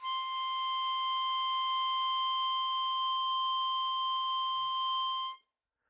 <region> pitch_keycenter=84 lokey=83 hikey=86 volume=14.824080 trigger=attack ampeg_attack=0.004000 ampeg_release=0.100000 sample=Aerophones/Free Aerophones/Harmonica-Hohner-Special20-F/Sustains/Normal/Hohner-Special20-F_Normal_C5.wav